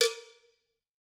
<region> pitch_keycenter=63 lokey=63 hikey=63 volume=2.009533 offset=203 lovel=84 hivel=127 ampeg_attack=0.004000 ampeg_release=15.000000 sample=Idiophones/Struck Idiophones/Cowbells/Cowbell2_Double_v3_rr1_Mid.wav